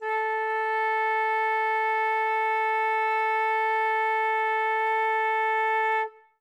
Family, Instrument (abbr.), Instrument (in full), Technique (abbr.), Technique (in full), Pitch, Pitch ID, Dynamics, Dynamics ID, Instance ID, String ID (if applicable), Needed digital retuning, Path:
Winds, Fl, Flute, ord, ordinario, A4, 69, ff, 4, 0, , FALSE, Winds/Flute/ordinario/Fl-ord-A4-ff-N-N.wav